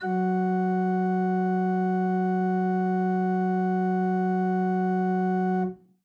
<region> pitch_keycenter=54 lokey=54 hikey=55 volume=5.144534 offset=31 ampeg_attack=0.004000 ampeg_release=0.300000 amp_veltrack=0 sample=Aerophones/Edge-blown Aerophones/Renaissance Organ/Full/RenOrgan_Full_Room_F#2_rr1.wav